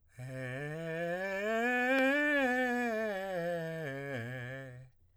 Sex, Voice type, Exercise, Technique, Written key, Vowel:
male, tenor, scales, breathy, , e